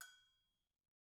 <region> pitch_keycenter=60 lokey=60 hikey=60 volume=26.922982 offset=186 lovel=0 hivel=65 ampeg_attack=0.004000 ampeg_release=15.000000 sample=Idiophones/Struck Idiophones/Agogo Bells/Agogo_High_v1_rr1_Mid.wav